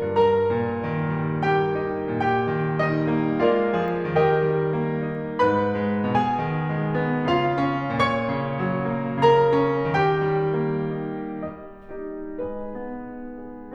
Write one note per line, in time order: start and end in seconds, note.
0.01 0.46 G2
0.01 1.46 A#4
0.01 1.46 A#5
0.47 0.82 A#2
0.84 1.16 D#3
1.17 1.46 G3
1.47 1.84 A#3
1.47 2.13 G4
1.47 2.13 G5
1.85 2.13 D#4
2.15 2.47 A#2
2.15 2.82 G4
2.15 2.82 G5
2.48 2.82 D#3
2.84 3.13 G3
2.84 3.43 D#4
2.84 3.43 D#5
3.14 3.43 A#3
3.45 3.81 G#3
3.45 3.81 F4
3.45 4.10 A#4
3.45 4.10 D5
3.45 4.10 F5
3.83 4.10 F3
3.83 4.10 G#4
4.12 4.48 D#3
4.12 5.37 G4
4.12 5.37 A#4
4.12 5.37 D#5
4.12 5.37 G5
4.49 4.80 G3
4.82 5.11 A#3
5.11 5.37 D#4
5.38 5.74 G#2
5.38 6.09 B4
5.38 6.09 B5
5.75 6.09 G#3
6.10 6.44 B2
6.10 7.30 G#4
6.10 7.30 G#5
6.46 6.76 D#3
6.77 7.00 G#3
7.01 7.30 B3
7.31 7.62 C#3
7.31 7.95 F4
7.31 7.95 F5
7.65 7.95 C#4
7.96 8.30 A#2
7.96 9.31 C#5
7.96 9.31 C#6
8.32 8.67 C#3
8.68 8.99 F#3
9.02 9.31 A#3
9.32 9.64 C#3
9.32 10.00 A#4
9.32 10.00 A#5
9.65 10.00 C#4
10.01 10.36 D#3
10.01 11.52 G4
10.01 11.52 G5
10.39 10.77 G3
10.78 11.16 A#3
11.17 11.52 C#4
11.53 11.96 G3
11.53 12.32 D#5
11.99 12.32 A#3
11.99 12.32 D#4
11.99 12.32 G4
12.35 12.65 G#3
12.35 13.06 D#4
12.35 13.06 G#4
12.35 13.74 B4
12.66 13.06 B3
13.07 13.38 D#4
13.39 13.74 G#4